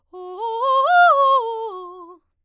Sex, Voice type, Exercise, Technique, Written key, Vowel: female, soprano, arpeggios, fast/articulated forte, F major, o